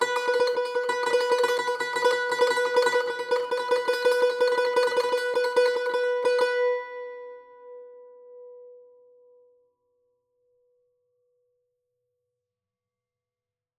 <region> pitch_keycenter=71 lokey=70 hikey=72 volume=6.261339 ampeg_attack=0.004000 ampeg_release=0.300000 sample=Chordophones/Zithers/Dan Tranh/Tremolo/B3_Trem_1.wav